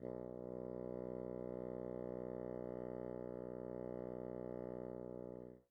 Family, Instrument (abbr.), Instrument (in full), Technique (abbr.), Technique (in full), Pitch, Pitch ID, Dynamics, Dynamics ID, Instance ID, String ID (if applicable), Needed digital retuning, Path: Winds, Bn, Bassoon, ord, ordinario, B1, 35, pp, 0, 0, , TRUE, Winds/Bassoon/ordinario/Bn-ord-B1-pp-N-T11d.wav